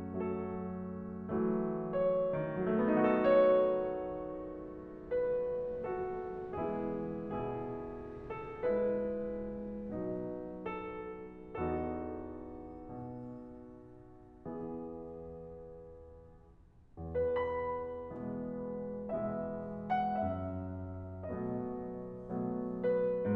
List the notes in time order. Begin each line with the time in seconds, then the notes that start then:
0.00 F#3 A3 A4
1.32 E3 F#3 A3
1.95 C#5
2.46 D#3
2.57 F#3
2.66 A3
2.74 B3
2.83 D#4
3.00 F#4
3.10 A4
3.24 C#5
4.99 B4
5.70 F#4 A4
6.58 E3 G#3 B3 E4 G#4
7.31 B2 E4 G#4
8.24 A4
8.61 G#3 E4 B4
9.90 B2 F#3 D#4
10.65 A4
11.53 E2 B3 D#4 F#4 A4
12.85 B2
14.51 E3 B3 E4 G#4
16.97 B4
17.36 E2 B5
18.13 B2 E3 G#3 B3
19.10 B2 E3 G#3 B3 E5
19.91 F#5
20.18 G#2 E5
21.28 B2 F#3 A3 B3 D#5
22.41 B2 F#3 A3 B3
23.21 B4